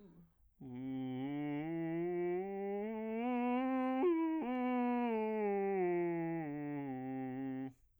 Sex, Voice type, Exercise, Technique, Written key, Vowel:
male, bass, scales, vocal fry, , u